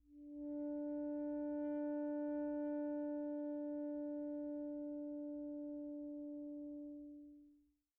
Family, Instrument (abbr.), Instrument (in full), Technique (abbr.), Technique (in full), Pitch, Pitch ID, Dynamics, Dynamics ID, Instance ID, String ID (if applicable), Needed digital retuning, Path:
Winds, ASax, Alto Saxophone, ord, ordinario, D4, 62, pp, 0, 0, , FALSE, Winds/Sax_Alto/ordinario/ASax-ord-D4-pp-N-N.wav